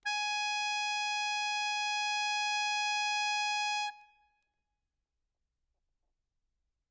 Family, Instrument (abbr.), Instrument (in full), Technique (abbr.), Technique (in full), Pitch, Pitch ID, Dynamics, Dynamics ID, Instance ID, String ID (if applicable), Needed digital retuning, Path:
Keyboards, Acc, Accordion, ord, ordinario, G#5, 80, ff, 4, 1, , FALSE, Keyboards/Accordion/ordinario/Acc-ord-G#5-ff-alt1-N.wav